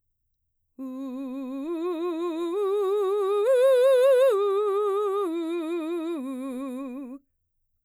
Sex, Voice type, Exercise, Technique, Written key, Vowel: female, mezzo-soprano, arpeggios, slow/legato forte, C major, u